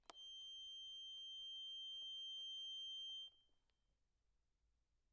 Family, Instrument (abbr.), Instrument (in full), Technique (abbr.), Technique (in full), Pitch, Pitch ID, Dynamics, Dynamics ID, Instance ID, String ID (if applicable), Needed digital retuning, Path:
Keyboards, Acc, Accordion, ord, ordinario, G7, 103, pp, 0, 2, , FALSE, Keyboards/Accordion/ordinario/Acc-ord-G7-pp-alt2-N.wav